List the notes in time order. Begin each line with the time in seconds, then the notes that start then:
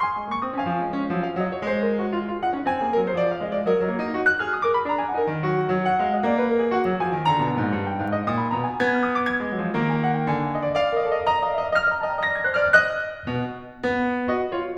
0.00 G#5 C6
0.19 G#3
0.31 A#3 C#6
0.44 C4 D#6
0.53 C#4 F5 G#5
0.65 F3
0.84 G#3
0.98 C#4
1.09 F3
1.21 F5
1.35 F#3 D#5
1.49 C#5
1.60 G#3 C5
1.79 A#4
1.92 G#4
2.04 F#4
2.16 F4 F5
2.28 F4
2.43 D#4 F#5
2.53 C#4
2.67 C4 G#5
2.87 A#3 G#4
2.96 G#3 A#4
3.07 F#3 C5
3.17 F3 D5
3.26 F5
3.38 G#3 A#4 D#5
3.48 D5
3.58 F#3 D#5
3.70 F#3
3.80 A#3
3.94 D#4
4.06 F#4
4.27 F#6
4.40 G#4 F6
4.53 D#6
4.68 A#4 D6
4.81 C#4 B5
4.89 D#4 A#5
4.99 F4 G#5
5.11 D#4 F#5
5.26 F#3
5.43 A#3 F#4
5.53 D#3
5.65 F#3
5.85 F#5
6.03 G#3 F5
6.16 D#5
6.28 A#3 D5
6.40 B4
6.51 A#4
6.61 G#4
6.75 F#5
6.85 F#3
6.98 F3 G#5
7.13 D#3
7.24 D3 A#5
7.36 B2
7.47 A#2
7.58 G#2
7.76 G2
7.92 G5
8.05 G#2 F5
8.20 D#5
8.30 A#2 D#6
8.41 B5
8.51 B2 A#5
8.66 G#5
8.82 B3 G#6
8.97 F6
9.11 D#6
9.21 D6
9.32 G#6
9.43 G#3
9.52 F#3
9.68 F3
9.80 D#3 A#3
9.95 G#5
10.07 F#5
10.22 F5
10.34 D3 G#5
10.45 F5
10.55 D#5
10.67 D5
10.77 D5 F5
10.86 D#5
10.92 A#4 D5
10.98 D#5
11.05 A4 D5
11.15 D#5
11.19 A#4 D5
11.26 D#5
11.33 D5 A#5
11.38 D#5
11.45 D5 F5
11.49 D#5
11.56 D5 E5
11.61 D#5
11.67 D5 F5
11.71 D#5
11.76 D5 F6
11.83 D#5
11.89 D5 A#5
11.94 D#5
11.99 D5 A5
12.06 D#5
12.12 D5 A#5
12.18 D#5
12.23 D5 A#6
12.27 D#5
12.32 D5 G#6
12.40 D#5
12.45 D5 F#6
12.52 D#5
12.62 C5 F6
12.68 D5
12.74 D#5 F#6
13.31 B2
13.73 B3
14.32 D#5
14.54 F4 C#5